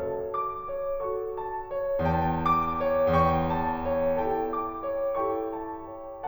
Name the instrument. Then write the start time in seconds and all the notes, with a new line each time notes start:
piano
0.00 F#4 A4 A5
0.33 D6
0.72 C#5
1.03 F#4 A4 C#6
1.39 A5
1.71 C#5
2.00 E1 E2 G5 A5
2.35 D6
2.82 C#5
3.12 E1 E2 G5 C#6
3.48 A5
3.84 C#5
4.20 E4 G4 A4 G5 A5
4.50 D6
4.83 C#5
5.15 E4 G4 A4 G5 C#6
5.56 A5
5.97 C#5